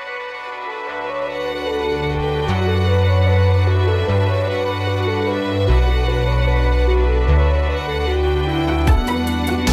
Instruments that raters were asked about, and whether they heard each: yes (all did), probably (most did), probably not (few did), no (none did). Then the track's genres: cello: probably not
violin: yes
Alternative Hip-Hop